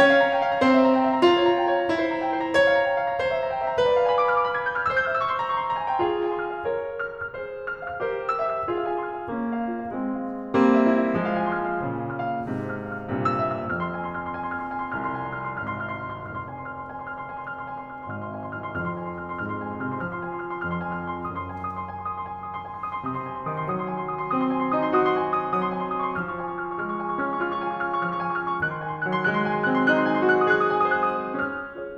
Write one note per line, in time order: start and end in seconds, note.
0.00 0.64 C#4
0.00 0.64 C#5
0.12 0.35 F5
0.27 0.48 A#5
0.37 0.53 G5
0.48 0.64 F5
0.53 0.74 A#5
0.64 1.24 C4
0.64 1.24 C5
0.74 0.95 E5
0.87 1.04 A#5
0.95 1.15 G5
1.04 1.24 E5
1.16 1.37 A#5
1.24 1.88 F4
1.39 1.61 C#5
1.53 1.71 A#5
1.61 1.80 G5
1.72 1.88 C#5
1.80 2.03 A#5
1.88 2.55 E4
2.03 2.23 C5
2.14 2.32 A#5
2.24 2.40 G5
2.32 2.55 C5
2.40 2.68 A#5
2.57 3.20 C#5
2.68 2.94 F5
2.84 3.01 A#5
2.94 3.09 G5
3.01 3.20 F5
3.12 3.31 A#5
3.20 3.77 C5
3.31 3.52 E5
3.44 3.59 A#5
3.52 3.67 G5
3.60 3.77 E5
3.67 3.77 A#5
3.77 4.92 B4
3.90 4.92 D5
3.99 4.92 F5
4.10 4.92 G#5
4.18 4.37 B5
4.27 4.46 D6
4.38 4.54 F6
4.46 4.64 D6
4.54 4.76 B5
4.66 4.84 G#6
4.76 4.92 G6
4.85 4.99 F6
4.92 6.01 C5
4.92 5.06 E6
4.99 6.01 E5
4.99 5.14 G6
5.07 6.01 G5
5.07 5.22 F6
5.14 5.32 E6
5.22 5.42 C#6
5.32 5.53 C6
5.42 5.62 A#5
5.54 5.70 C#6
5.62 5.79 C6
5.70 5.91 A#5
5.80 6.01 G#5
5.91 6.01 G5
6.03 6.65 F4
6.03 6.65 G#4
6.15 6.33 F5
6.23 6.43 G#5
6.34 6.52 C6
6.43 6.65 F6
6.52 6.82 F5
6.65 7.35 A#4
6.65 7.35 C#5
7.07 7.26 F6
7.17 7.35 F5
7.27 7.43 F6
7.35 8.00 G#4
7.35 8.00 C5
7.69 7.87 F6
7.79 8.00 F5
7.87 8.12 F6
8.00 8.67 G4
8.00 8.67 A#4
8.00 8.67 C5
8.30 8.53 E6
8.41 8.67 E5
8.53 8.80 E6
8.68 9.25 F4
8.68 9.25 G#4
8.80 8.97 F5
8.88 9.09 G#5
8.97 9.15 C6
9.09 9.25 F6
9.18 9.33 F5
9.25 9.89 A#3
9.25 9.89 C#4
9.54 9.74 F5
9.66 9.89 F4
9.74 9.98 F5
9.89 10.58 G#3
9.89 10.58 C4
10.22 10.47 F5
10.37 10.58 F4
10.47 10.68 F5
10.59 11.23 G3
10.59 11.23 A#3
10.59 11.23 C4
10.89 11.13 E5
11.01 11.23 E4
11.15 11.32 E5
11.23 11.83 F3
11.23 11.83 G#3
11.32 11.58 F5
11.44 11.64 G#5
11.58 11.75 C6
11.64 11.83 F6
11.75 12.25 F5
11.83 12.43 A#2
11.83 12.43 C#3
12.17 12.35 F6
12.26 12.43 F5
12.35 12.55 F6
12.46 12.99 G#2
12.46 12.99 C3
12.75 12.90 F6
12.83 12.99 F5
12.90 13.07 F6
12.99 13.69 G2
12.99 13.69 A#2
12.99 13.69 C3
13.33 13.57 E6
13.41 13.69 E5
13.58 13.79 E6
13.69 14.98 F2
13.69 13.91 F6
13.79 14.00 C6
13.91 14.08 G#5
14.00 14.19 C6
14.09 14.29 F6
14.19 14.40 C6
14.29 14.50 G#5
14.41 14.59 C6
14.50 14.71 F6
14.61 14.84 C6
14.71 14.98 G#5
14.84 15.19 C6
14.99 15.66 C2
14.99 15.29 F6
15.19 15.38 C6
15.29 15.48 G#5
15.38 15.56 C6
15.48 15.66 F6
15.58 15.75 C6
15.66 16.36 G#1
15.66 15.87 F6
15.75 16.04 C6
15.88 16.15 F6
16.04 16.25 C6
16.16 16.36 F6
16.25 16.45 C6
16.36 18.12 F1
16.36 16.54 F6
16.46 16.64 C6
16.54 16.78 G#5
16.64 16.90 C6
16.78 16.99 F6
16.90 17.08 C6
17.00 17.17 G#5
17.08 17.25 C6
17.17 17.37 F6
17.26 17.45 C6
17.37 17.55 G#5
17.46 17.66 C6
17.55 17.77 F6
17.66 17.86 C6
17.79 17.96 G#5
17.86 18.02 C6
17.96 18.12 F6
18.03 18.22 C6
18.12 18.66 G#1
18.12 18.34 F6
18.23 18.43 C6
18.34 18.51 G#5
18.43 18.66 C6
18.52 18.75 F6
18.66 18.75 C2
18.66 18.89 C6
18.75 19.39 F2
18.75 18.98 F6
18.89 19.06 C6
18.98 19.18 G#5
19.09 19.26 C6
19.18 19.39 F6
19.26 19.53 C6
19.40 19.92 G#2
19.40 19.62 F6
19.53 19.74 C6
19.63 19.83 G#5
19.74 19.92 C6
19.83 20.06 F6
19.95 20.06 C3
19.95 20.14 C6
20.06 20.65 F3
20.06 20.26 F6
20.14 20.33 C6
20.26 20.43 G#5
20.33 20.54 C6
20.45 20.65 F6
20.54 20.76 C6
20.65 21.32 F2
20.65 20.89 F6
20.77 20.99 C6
20.89 21.13 G#5
21.00 21.22 C6
21.13 21.32 F6
21.22 21.43 C6
21.34 23.06 F#2
21.34 21.51 D#6
21.43 21.62 C6
21.51 21.75 G#5
21.62 21.84 C6
21.75 21.92 D#6
21.85 22.00 C6
21.92 22.08 G#5
22.00 22.22 C6
22.12 22.37 D#6
22.22 22.47 C6
22.37 22.55 G#5
22.47 22.66 C6
22.55 22.74 D#6
22.67 22.83 C6
22.74 22.89 G#5
22.83 22.98 C6
22.91 23.06 D#6
22.98 23.17 C6
23.07 23.52 C3
23.07 23.24 D#6
23.17 23.32 C6
23.24 23.43 G#5
23.34 23.52 C6
23.43 23.72 D#6
23.52 23.72 D#3
23.52 23.81 C6
23.72 24.35 F#3
23.72 23.90 D#6
23.81 24.01 C6
23.92 24.10 G#5
24.01 24.22 C6
24.10 24.35 D#6
24.23 24.44 C6
24.35 24.79 C4
24.35 24.53 D#6
24.45 24.60 C6
24.53 24.68 G#5
24.60 24.79 C6
24.69 24.92 D#6
24.79 24.92 D#4
24.79 25.07 C6
24.92 25.50 F#4
24.92 25.16 D#6
25.07 25.24 C6
25.16 25.32 G#5
25.25 25.40 C6
25.32 25.50 D#6
25.40 25.63 C6
25.51 26.19 F#3
25.51 25.72 D#6
25.63 25.88 C6
25.73 25.97 G#5
25.88 26.06 C6
25.97 26.19 D#6
26.11 26.32 C6
26.19 26.80 F3
26.19 26.46 F6
26.32 26.54 C#6
26.46 26.63 G#5
26.54 26.73 C#6
26.64 26.80 F6
26.73 26.88 C#6
26.80 27.27 G#3
26.80 26.99 F6
26.91 27.06 C#6
26.99 27.17 G#5
27.06 27.27 C#6
27.17 27.38 F6
27.27 27.38 C#4
27.27 27.54 C#6
27.39 28.11 F4
27.39 27.70 F6
27.54 27.79 C#6
27.70 27.89 G#5
27.81 27.99 C#6
27.89 28.11 F6
28.00 28.20 C#6
28.11 28.63 F3
28.11 28.31 F6
28.20 28.39 C#6
28.32 28.47 G#5
28.39 28.55 C#6
28.47 28.63 F6
28.55 28.72 C#6
28.63 28.82 F#6
28.68 29.20 D#3
28.73 28.91 C6
28.82 29.00 G#5
28.91 29.12 C6
29.01 29.27 F#6
29.12 29.27 F#3
29.12 29.36 C6
29.28 29.74 G#3
29.28 29.44 F#6
29.36 29.54 D#6
29.44 29.63 G#5
29.55 29.74 D#6
29.63 29.90 F#6
29.74 29.90 C4
29.74 30.01 D#6
29.90 30.41 D#4
29.90 30.15 F#6
30.01 30.23 C6
30.15 30.31 G#5
30.24 30.41 C6
30.31 30.51 F#6
30.41 30.51 F#4
30.41 30.62 C6
30.51 31.06 G#4
30.51 30.71 F#6
30.62 30.86 D#6
30.72 30.94 G#5
30.86 31.06 D#6
30.95 31.32 F#6
31.08 31.32 C5
31.08 31.53 D#6
31.38 31.74 C#4
31.38 31.97 F6
31.74 31.97 F4
31.74 31.97 G#4
31.74 31.97 C#5